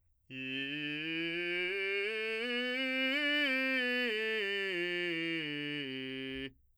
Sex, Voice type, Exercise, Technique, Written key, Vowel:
male, , scales, straight tone, , i